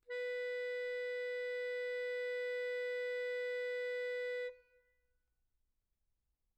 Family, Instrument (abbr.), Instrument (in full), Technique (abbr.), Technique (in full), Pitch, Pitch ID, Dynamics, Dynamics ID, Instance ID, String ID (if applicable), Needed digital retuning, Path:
Keyboards, Acc, Accordion, ord, ordinario, B4, 71, mf, 2, 4, , FALSE, Keyboards/Accordion/ordinario/Acc-ord-B4-mf-alt4-N.wav